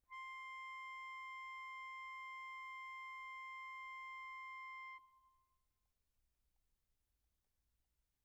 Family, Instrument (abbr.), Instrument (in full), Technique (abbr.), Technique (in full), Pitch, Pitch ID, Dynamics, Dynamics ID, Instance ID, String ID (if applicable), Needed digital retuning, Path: Keyboards, Acc, Accordion, ord, ordinario, C6, 84, pp, 0, 2, , FALSE, Keyboards/Accordion/ordinario/Acc-ord-C6-pp-alt2-N.wav